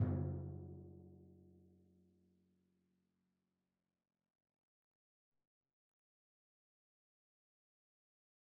<region> pitch_keycenter=42 lokey=41 hikey=44 tune=-32 volume=21.126741 lovel=66 hivel=99 seq_position=1 seq_length=2 ampeg_attack=0.004000 ampeg_release=30.000000 sample=Membranophones/Struck Membranophones/Timpani 1/Hit/Timpani1_Hit_v3_rr3_Sum.wav